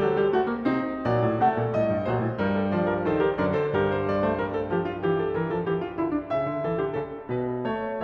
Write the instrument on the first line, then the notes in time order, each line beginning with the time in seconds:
piano
0.00 F#3 A4
0.16 G3 G4
0.33 A3 F#4
0.50 A#3
0.62 C3 C4 D#4
1.04 A#2 F#3 C5
1.23 A2
1.43 C3 A3 A4
1.60 A#2
1.76 A2 G3 D#5
1.93 G2
2.10 A#2 F#3 C5
2.24 A2
2.35 G2 G3 A#4
2.51 A4
2.68 F3 C5 D5
2.87 A#4
3.04 D#3 A4
3.09 C5
3.24 G4 A#4
3.42 F#2 D3 A#4 D5
3.58 A4 C5
3.72 G2 G4 A#4
3.90 C5
4.04 G3 D5
4.21 A3 C5
4.30 G3 A#4
4.52 A4
4.69 F3 G4
4.85 F4
5.00 E3 G4
5.18 A4
5.33 E3 A#4
5.49 F3 A4
5.67 E3 G4
5.80 F4
5.93 D3 E4
6.11 D4
6.25 C#3 E5
6.42 D3
6.64 E3 A4
6.80 D3 G4
6.95 C#3 A4
7.28 B2 B4
7.70 A3 C#5